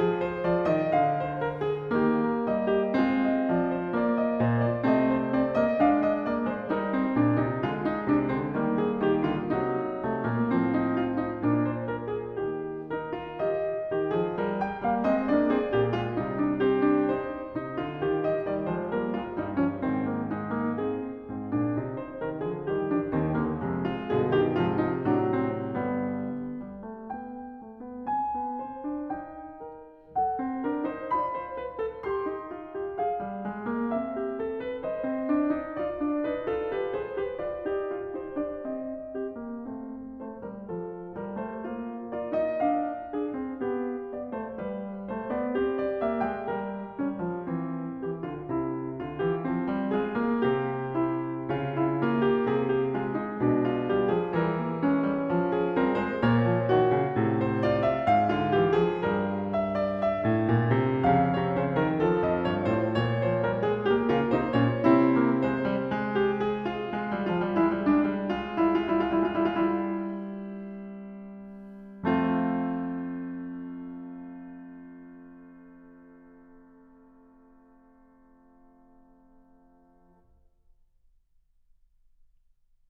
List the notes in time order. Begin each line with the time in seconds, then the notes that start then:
0.00 F3 G#4
0.22 C5
0.45 F3 D5
0.70 D#3 D#5
0.95 D3 F5
1.16 C5
1.39 A#4
1.60 G#4
1.93 D#3 A#3 G4
2.11 A#4
2.51 G3 D#5
2.67 G4
2.95 G#3 C4 F4
3.24 D#5
3.44 F3 D5
3.67 C5
3.88 A#3 D5
4.20 D#5
4.46 A#2 C5
4.62 D5
4.85 C3 A3 C4 D#5
5.10 C5
5.29 C4 D5
5.57 A#3 D#5
5.78 G#3 D4 F5
5.98 D#5
6.27 A#3 D5
6.51 G#3 C5
6.70 G3 D#4 A#4
6.88 C4
7.09 A#2 D4
7.44 C3 D#4
7.67 D3 G#3 F4
7.92 D#4
8.13 C3 D4
8.31 D3 C4
8.58 D#3 G3 A#3
8.84 G#4
9.03 D#3 G4
9.26 D3 F4
9.50 C3 F#3 D#4
10.02 C3 A3
10.29 A#2 A#3
10.57 A2 F3 C4
10.86 D#4
11.03 F4
11.23 D#4
11.45 A#2 A#3 D4
11.68 C5
11.91 A#4
12.13 G#4
12.40 D#3 G4
12.90 D#4 A#4
13.13 F4
13.44 G4 D#5
13.93 D#3 G4
14.11 F3 G#4
14.40 G3 A#4
14.64 G5
14.81 G3 A#3 F5
15.08 G#3 C4 D#5
15.28 A#3 D4 D5
15.51 C4 G#4
15.72 A#2 A#3 G4
15.92 G#3 F4
16.16 C3 G3 D#4
16.39 D4
16.61 C4 G4
16.87 D4
17.16 D#4 C5
17.60 C3 D#4
17.76 D3 F4
18.03 D#3 G4
18.22 D#5
18.38 D#3 G3 D5
18.68 F3 G#3 C5
18.92 G3 A#3 A#4
19.16 G#3 F4
19.39 G2 G3 D#4
19.55 F3 C#4
19.76 G#2 D#3 C4
20.17 A#3
20.38 G#3 D#4
20.67 A#3
20.85 C4 G#4
21.27 G#2 C4
21.52 A#2 D4
21.73 C3 D#4
22.01 C5
22.24 C3 D#3 A#4
22.43 D3 F3 G#4
22.71 D#3 G3 G4
22.93 F3 D4
23.16 D#2 D#3 C4
23.38 D3 A#3
23.60 F2 C3 G#3
23.87 F4
24.11 G2 B2 D3 G#4
24.33 D#3 G4
24.60 G#2 C3 F3 F4
24.80 D#4
25.05 A2 F#3 D4
25.26 C4
25.72 G2 D3 G3 B3
26.20 G3
26.88 A3
27.10 B3 G5
27.57 A3
27.83 B3
28.03 C4 G#5
28.35 B3
28.62 C4 C5
28.85 D4
29.12 D#4 G5
29.70 A#4
30.16 A4 F#5
30.41 C4
30.65 D4 A#4
30.86 D#4 C5
31.13 F4 D5 B5
31.32 C5
31.54 B4
31.75 A4
32.08 G4 C6
32.25 D#4
32.51 F4
32.82 G4
33.00 G#4 F5
33.23 G3
33.46 G#3
33.74 A#3
33.96 C4 E5
34.26 G4
34.45 A4
34.63 B4
34.83 C5 D#5
35.05 C4
35.29 D4
35.62 E4
35.77 F4 D5
36.01 D4
36.25 E4 B4
36.46 F4 A4
36.72 G4 B4
36.93 G#4 C5
37.12 G4 B4
37.42 F4 D5
37.66 D#4 G4
37.87 F4
38.10 D#4 C5
38.36 D4 D5
38.73 C4 D#5
39.17 C4 G4
39.31 A#3
39.60 A3 C4
40.16 A3 C5
40.41 G3 A#4
40.67 F3 A4
41.19 G3 A#4
41.39 A3 C5
41.68 A#3 F4
42.09 F4 A#4 D5
42.30 D#4 D#5
42.64 D4 F5
43.15 D4 G#4
43.36 C4
43.56 B3 G4
44.14 B3 D5
44.33 A3 C5
44.52 G3 B4
45.12 A3 C5
45.36 B3 D5
45.57 C4 G4
45.79 D5
46.02 A#3 E5
46.25 G#3 G5
46.51 G3 A#4
46.95 G3 C#4
47.18 F3
47.44 E3 C4
47.95 E3 G4
48.24 D3 F4
48.48 C3 E4
48.99 D3 F4
49.19 E3 G4
49.44 F3 C4
49.68 G3
49.92 G#3 F4 G#4
50.16 A#3
50.43 C3 C4 G4
50.96 E4
51.48 C#3 F4
51.79 E4
52.04 A#3 F4
52.24 G4
52.40 C3 G#4
52.71 G4
52.95 G#3 F4
53.16 D#4
53.37 B2 D4
53.56 F4
53.88 G3 G4
54.08 F3 G#4
54.35 E3 G3 A#4
54.57 A#3
54.78 G#3 C#4
55.03 G3
55.31 F3
55.53 G#4
55.75 G3 C4 A#4
56.01 G#3 C5
56.23 A#2 A#3 C#5
56.44 F3
56.65 D#3 F#4
56.96 C#3
57.16 A2 C3
57.36 C5
57.63 F4 D5
57.83 E5
58.10 G#2 F5
58.35 D3 F4
58.55 E3 G4
58.76 F3 G#4
59.01 G2 G3 A#4
59.55 E5
59.79 D5
59.99 E5
60.21 A2
60.43 A#2
60.70 C3
60.98 F2 C#3 F5
61.32 C3 C#5
61.57 C#3 C5
61.74 D#3 A#4
62.04 F3 A4
62.22 F2 D#5
62.47 G2 C#5
62.78 A2 C5
63.01 A#2 C#5
63.22 F3 C5
63.46 G3 A#4
63.67 G#3 G#4
63.88 A#3 G4
64.10 C#3 F4 A#4
64.33 C3 D#4 C5
64.53 A#2 C#4 C#5
64.81 C3 C4 E4
65.12 A#3
65.39 G#3 C5
65.60 G3
65.81 G#3
65.98 G4
66.44 G#4
66.70 F4
67.02 F3
67.12 G3
67.22 G#3
67.33 G3 F4
67.43 G#3
67.57 G3 D#4
67.67 G#3
67.76 G3
67.85 G#3 D4
68.14 G3
68.24 G#3
68.36 G3 F4
68.46 G#3 E4
68.79 G3 F4
68.95 G#3 E4
69.04 G3 F4
69.35 G#3 E4
69.45 G3
71.95 F2 A3 C4 F4